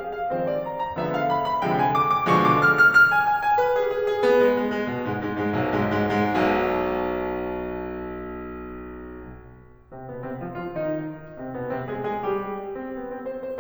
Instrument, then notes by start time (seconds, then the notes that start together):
piano
0.00 F5
0.17 F5
0.33 D#3 F3 G#3 C4 B4
0.45 C5
0.63 G#5
0.79 G#5
0.96 D3 F3 G#3 B3 E5
1.11 F5
1.25 B5
1.44 B5
1.63 C3 D3 F3 G#3 G5
1.76 G#5
1.92 D6
2.08 D6
2.28 B2 D3 F3 G#3 C#6
2.44 D6
2.61 F6
2.77 F6
2.95 F6
3.11 G#5
3.25 G#5
3.44 G#5
3.62 B4
3.80 G#4
3.97 G#4
4.11 G#4
4.30 B3
4.42 G#3
4.56 G#3
4.73 G#3
4.89 B2
5.10 G#2 G#3
5.28 G#2 G#3
5.46 G#2 G#3
5.65 B1 B2
5.86 G#2 G#3
6.10 G#2 G#3
6.33 G#2 G#3
6.54 B1 B2
9.89 C3 C4
10.11 B2 B3
10.26 C3 C4
10.43 F3 F4
10.57 F3 F4
10.76 D#3 D#4
11.32 C3 C4
11.52 B2 B3
11.69 C3 C4
11.90 G#3 G#4
12.07 G#3 G#4
12.27 G3 G4
12.82 C4
13.01 B3
13.15 C4
13.33 C5
13.47 C5